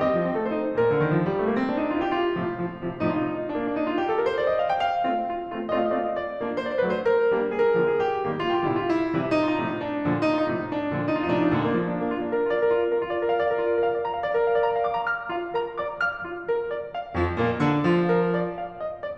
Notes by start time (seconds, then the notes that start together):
0.00 G3 D#5
0.10 C4
0.23 F3
0.35 C4 A4
0.45 A3 C5
0.57 D#4
0.71 A#2 A#4
0.87 D3
1.00 D#3
1.16 F3
1.28 G3
1.38 A3
1.49 A#3
1.58 C4
1.70 D4
1.83 D#4
1.94 F4
2.02 G4
2.14 F4
2.39 A2 C3 F3
2.74 A2 C3 F3
2.93 A2 C3 F3
3.17 A2 C3 F3 D#4
3.23 F4
3.27 D#4
3.33 A2 C3 F3 D#4 F4
3.41 F4
3.47 D4
3.52 D#4
3.56 A#3 D4
3.68 D4
3.76 D#4
3.87 F4
3.99 G4
4.10 A4
4.19 A#4
4.26 C5
4.40 D5
4.50 D#5
4.60 F5
4.70 G5
4.82 F5
5.12 A3 C4 F4
5.38 A3 C4 F4
5.55 A3 C4 F4
5.76 A3 C4 F4 D#5
5.82 F5
5.89 D#5
5.93 F5
5.99 A3 C4 F4 D#5 F5
6.07 D5
6.13 D#5
6.18 D5
6.40 A#3 D4
6.62 C5
6.68 D5
6.75 C5
6.80 D5
6.86 F#3 A3 D4 C5
6.91 D5
6.97 B4
7.01 C5
7.07 A#4
7.33 G3 A#3 D4
7.55 G#4
7.59 A#4
7.64 G#4
7.72 A#4
7.77 D3 F3 A#3 G#4
7.85 A#4
7.94 G4
7.99 G#4
8.03 G4
8.28 D#3 G3 A#3
8.50 F4
8.54 G4
8.60 F4
8.66 G4
8.71 B2 D3 G3 F4
8.77 G4
8.82 E4 F4
8.92 E4
9.13 C3 E3 G3
9.32 D#4
9.37 F4
9.43 D#4
9.51 F4
9.57 A2 C3 F3 D#4
9.62 F4
9.68 D4
9.73 D#4
9.79 D4
10.03 A#2 D3 F3
10.22 D#4
10.29 F4
10.34 D#4
10.39 F4
10.45 A2 C3 F3 D#4
10.51 F4
10.55 D4
10.61 D4 D#4
10.88 A#2 D3 F3
11.08 D#4
11.13 F4
11.20 D#4
11.26 F4
11.33 A2 C3 F3 D#4
11.38 F4
11.42 D4
11.48 D#4
11.53 A#2 D3 F3 D4
11.63 A#3
11.74 F3
11.84 A#3
11.95 D4
12.06 A#3
12.19 F4
12.29 D4
12.36 A#4
12.46 F4
12.60 D5
12.70 A#4
12.79 F4
12.90 D4
12.97 A#4
13.06 F4
13.17 D5
13.26 A#4
13.32 F5
13.42 D5
13.49 A#4
13.56 F4
13.61 D5
13.70 A#4
13.84 F5
13.96 D5
14.06 A#5
14.14 F5
14.23 D5
14.34 A#4
14.42 F5
14.55 D5
14.71 A#5
14.83 F5
14.92 D6
14.99 A#5
15.09 F6
15.34 F4 F5
15.56 A#4 A#5
15.78 D5 D6
15.99 F5 F6
16.24 F4
16.46 A#4
16.73 D5
16.93 F5
17.12 F2 F3
17.35 A#2 A#3
17.59 D3 D4
17.86 F3 F4
18.10 A#4
18.34 D5
18.58 F5
18.80 D#5
19.01 D5